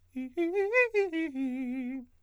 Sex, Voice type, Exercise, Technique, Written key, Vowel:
male, countertenor, arpeggios, fast/articulated forte, C major, i